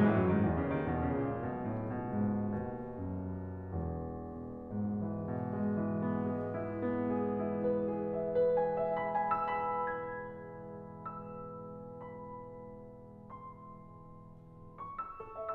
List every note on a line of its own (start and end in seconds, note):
0.01 0.12 G#2
0.01 0.12 E3
0.14 0.26 A2
0.14 0.26 F#3
0.27 0.39 F#2
0.27 0.39 D#3
0.41 0.56 G#2
0.41 0.56 E3
0.59 0.73 E2
0.59 0.73 C#3
0.74 0.88 F#2
0.74 0.88 D#3
0.89 1.06 D#2
0.89 1.06 B2
1.07 1.25 E2
1.07 1.25 C#3
1.27 1.47 C#2
1.27 1.47 A#2
1.49 2.02 B1
1.49 1.71 B2
1.73 2.02 A2
2.05 2.48 C#2
2.05 2.26 B2
2.29 2.48 G#2
2.55 3.66 D#2
2.55 2.90 B2
3.01 3.66 F#2
3.68 7.38 G#1
3.68 4.59 E2
4.06 5.04 B2
4.40 5.42 G#2
4.79 5.72 E3
5.13 5.94 B2
5.47 6.25 G#3
5.77 6.44 E3
6.05 6.71 B3
6.32 7.06 G#3
6.58 7.16 E4
6.82 7.50 B3
7.40 7.96 E4
7.63 8.29 B4
7.91 7.93 G#4
8.15 8.86 E5
8.35 9.10 B4
8.88 9.36 F#5
9.07 9.50 B5
9.29 9.42 G#5
9.50 10.12 E6
9.73 10.27 B5
10.25 12.04 G#6
11.13 13.27 E6
12.05 14.25 B5
13.29 14.80 C6
14.81 15.55 C#6
15.06 15.55 E6
15.21 15.36 A4
15.37 15.55 E5